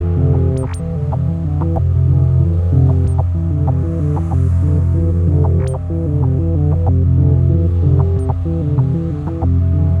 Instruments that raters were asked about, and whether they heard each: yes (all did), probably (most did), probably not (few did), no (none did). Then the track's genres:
bass: probably not
violin: no
Electronic; Field Recordings; Ambient Electronic